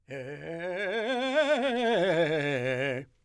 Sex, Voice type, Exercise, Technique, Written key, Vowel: male, , scales, fast/articulated forte, C major, e